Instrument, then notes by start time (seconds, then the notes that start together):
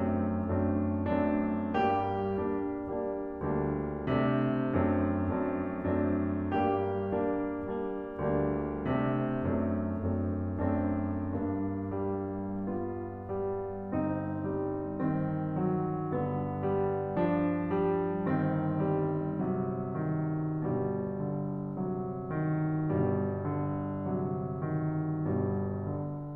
piano
0.01 F#2 A3 C4 D4
0.74 F#2 A3 C4 D4
1.38 F#2 A3 C4 D4
1.90 G2 G4
2.41 G3 A#3 D4
2.87 G3 A#3 D4
3.38 D2 G3 A#3 D4
4.06 C3 A3 C4 D4
4.77 F#2 A3 C4 D4
5.45 F#2 A3 C4 D4
6.11 F#2 A3 C4 D4
6.67 G2 G4
7.18 G3 A#3 D4
7.66 G3 A#3 D4
8.10 D2 G3 A#3 D4
8.88 C3 A3 C4 D4
9.46 F#2 A3 C4 D4
10.13 F#2 A3 C4 D4
10.78 F#2 A3 C4 D4
11.40 G2 A#3 D4
11.94 G3
12.65 B3 F4
13.23 G3
13.89 G1 C4 D#4
14.45 G3
15.01 D#3 C4
15.66 F#3
16.14 G2 D3 B3
16.65 G3
17.22 F3 D4
17.70 G3
18.36 G1 D#3 C4
18.91 G3
19.44 C3 F#3
20.00 D#3
20.66 G1 G2 B2 G3
21.30 D3
21.84 C3 F#3
22.32 D#3
22.80 G1 G2 B2 G3
23.49 D3
24.04 C3 F#3
24.69 D#3
25.28 G1 G2 B2 G3
25.83 D3